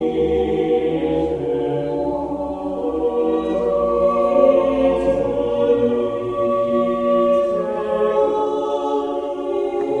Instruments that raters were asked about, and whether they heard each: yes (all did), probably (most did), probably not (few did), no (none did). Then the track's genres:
voice: yes
synthesizer: no
mallet percussion: no
banjo: no
Choral Music